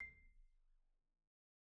<region> pitch_keycenter=96 lokey=93 hikey=97 volume=39.395381 xfin_lovel=0 xfin_hivel=83 xfout_lovel=84 xfout_hivel=127 ampeg_attack=0.004000 ampeg_release=15.000000 sample=Idiophones/Struck Idiophones/Marimba/Marimba_hit_Outrigger_C6_med_01.wav